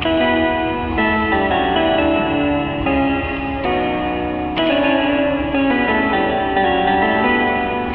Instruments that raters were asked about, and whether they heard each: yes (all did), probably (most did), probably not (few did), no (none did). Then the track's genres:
guitar: probably
Experimental; No Wave; Freak-Folk